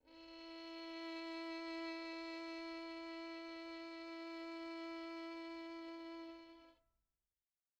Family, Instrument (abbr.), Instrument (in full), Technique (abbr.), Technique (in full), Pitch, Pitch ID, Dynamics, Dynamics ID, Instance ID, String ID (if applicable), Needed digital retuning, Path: Strings, Vn, Violin, ord, ordinario, E4, 64, pp, 0, 3, 4, FALSE, Strings/Violin/ordinario/Vn-ord-E4-pp-4c-N.wav